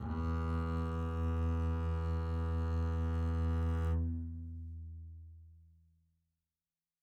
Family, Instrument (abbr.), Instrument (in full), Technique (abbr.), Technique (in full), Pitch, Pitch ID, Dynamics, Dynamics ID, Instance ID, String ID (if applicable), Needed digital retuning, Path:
Strings, Cb, Contrabass, ord, ordinario, E2, 40, mf, 2, 1, 2, FALSE, Strings/Contrabass/ordinario/Cb-ord-E2-mf-2c-N.wav